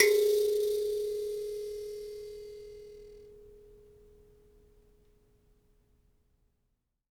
<region> pitch_keycenter=68 lokey=68 hikey=69 tune=-2 volume=3.413080 seq_position=1 seq_length=2 ampeg_attack=0.004000 ampeg_release=15.000000 sample=Idiophones/Plucked Idiophones/Mbira Mavembe (Gandanga), Zimbabwe, Low G/Mbira5_Normal_MainSpirit_G#3_k17_vl2_rr1.wav